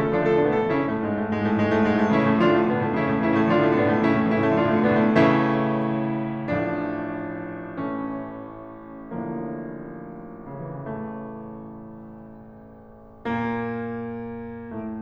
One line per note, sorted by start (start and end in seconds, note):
0.00 0.13 A3
0.00 0.13 A4
0.13 0.24 D3
0.13 0.24 F3
0.13 0.24 D4
0.13 0.24 F4
0.24 0.39 A3
0.24 0.39 A4
0.39 0.53 B2
0.39 0.53 D3
0.39 0.53 B3
0.39 0.53 D4
0.55 0.70 A3
0.55 0.70 A4
0.72 0.86 C#3
0.72 0.86 E3
0.72 0.86 C#4
0.72 0.86 E4
0.87 0.99 A2
0.87 0.99 A3
1.00 1.11 G#2
1.00 1.11 G#3
1.13 1.28 A2
1.13 1.28 A3
1.28 1.40 G#2
1.28 1.40 G#3
1.40 1.52 A2
1.40 1.52 A3
1.52 1.67 G#2
1.52 1.67 G#3
1.67 1.79 A2
1.67 1.79 A3
1.79 1.92 G#2
1.79 1.92 G#3
1.92 2.08 A2
1.92 2.08 A3
2.08 2.22 C#3
2.08 2.22 E3
2.08 2.22 C#4
2.08 2.22 E4
2.22 2.36 A2
2.22 2.36 A3
2.36 2.51 D3
2.36 2.51 F3
2.36 2.51 D4
2.36 2.51 F4
2.51 2.64 A2
2.51 2.64 A3
2.64 2.75 B2
2.64 2.75 D3
2.64 2.75 B3
2.64 2.75 D4
2.75 2.89 A2
2.75 2.89 A3
2.89 3.04 C#3
2.89 3.04 E3
2.89 3.04 C#4
2.89 3.04 E4
3.04 3.17 A2
3.04 3.17 A3
3.17 3.30 C#3
3.17 3.30 E3
3.17 3.30 C#4
3.17 3.30 E4
3.30 3.46 A2
3.30 3.46 A3
3.46 3.60 D3
3.46 3.60 F3
3.46 3.60 D4
3.46 3.60 F4
3.60 3.72 A2
3.60 3.72 A3
3.72 3.84 B2
3.72 3.84 D3
3.72 3.84 B3
3.72 3.84 D4
3.85 3.98 A2
3.85 3.98 A3
3.99 4.11 C#3
3.99 4.11 E3
3.99 4.11 C#4
3.99 4.11 E4
4.11 4.24 A2
4.11 4.24 A3
4.24 4.35 C#3
4.24 4.35 E3
4.24 4.35 C#4
4.24 4.35 E4
4.35 4.45 A2
4.35 4.45 A3
4.45 4.56 D3
4.45 4.56 F3
4.45 4.56 D4
4.45 4.56 F4
4.56 4.73 A2
4.56 4.73 A3
4.73 4.88 B2
4.73 4.88 D3
4.73 4.88 B3
4.73 4.88 D4
4.88 5.05 A2
4.88 5.05 A3
5.05 6.52 A2
5.05 6.52 C#3
5.05 6.52 E3
5.05 6.52 A3
5.05 6.52 C#4
5.05 6.52 E4
6.52 7.70 A1
6.52 7.70 A2
6.52 7.70 F3
6.52 7.70 A3
6.52 7.70 D4
7.71 9.08 A1
7.71 9.08 A2
7.71 9.08 E3
7.71 9.08 A3
7.71 9.08 C#4
9.09 10.44 A1
9.09 10.44 A2
9.09 10.44 D3
9.09 10.44 F3
9.09 10.44 A#3
10.44 10.88 C3
10.59 11.02 E3
10.74 13.27 A1
10.74 13.27 A2
10.74 13.27 A3
13.27 14.63 A#2
13.27 14.63 A#3
14.64 15.02 A2
14.64 15.02 A3